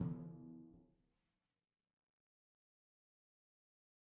<region> pitch_keycenter=52 lokey=51 hikey=53 tune=18 volume=26.120529 lovel=0 hivel=65 seq_position=1 seq_length=2 ampeg_attack=0.004000 ampeg_release=30.000000 sample=Membranophones/Struck Membranophones/Timpani 1/Hit/Timpani4_Hit_v2_rr1_Sum.wav